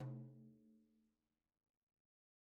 <region> pitch_keycenter=64 lokey=64 hikey=64 volume=26.649276 lovel=0 hivel=83 seq_position=1 seq_length=2 ampeg_attack=0.004000 ampeg_release=15.000000 sample=Membranophones/Struck Membranophones/Frame Drum/HDrumS_Hit_v2_rr1_Sum.wav